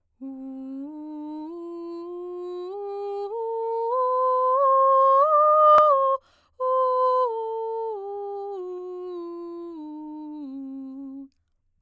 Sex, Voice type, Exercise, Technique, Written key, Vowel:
female, soprano, scales, straight tone, , u